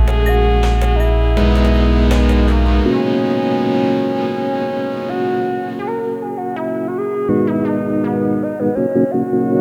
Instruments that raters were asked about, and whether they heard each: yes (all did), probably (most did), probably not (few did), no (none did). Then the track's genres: clarinet: no
saxophone: yes
trombone: probably not
Electronic; Glitch; IDM